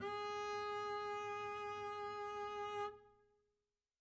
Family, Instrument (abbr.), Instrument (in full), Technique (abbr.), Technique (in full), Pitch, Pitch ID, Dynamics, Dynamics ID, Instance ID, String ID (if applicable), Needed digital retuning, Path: Strings, Cb, Contrabass, ord, ordinario, G#4, 68, mf, 2, 0, 1, FALSE, Strings/Contrabass/ordinario/Cb-ord-G#4-mf-1c-N.wav